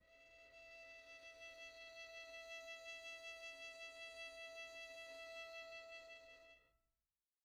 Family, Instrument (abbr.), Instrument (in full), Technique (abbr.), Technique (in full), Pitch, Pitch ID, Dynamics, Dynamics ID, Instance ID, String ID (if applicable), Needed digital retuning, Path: Strings, Vn, Violin, ord, ordinario, E5, 76, pp, 0, 1, 2, FALSE, Strings/Violin/ordinario/Vn-ord-E5-pp-2c-N.wav